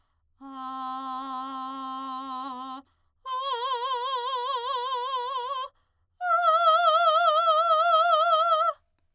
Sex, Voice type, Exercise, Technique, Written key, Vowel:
female, soprano, long tones, full voice forte, , a